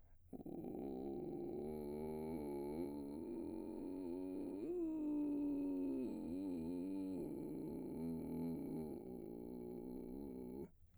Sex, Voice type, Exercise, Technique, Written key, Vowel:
male, baritone, arpeggios, vocal fry, , u